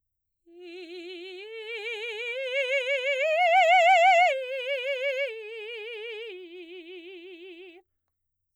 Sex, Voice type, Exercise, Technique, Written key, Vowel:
female, soprano, arpeggios, slow/legato forte, F major, i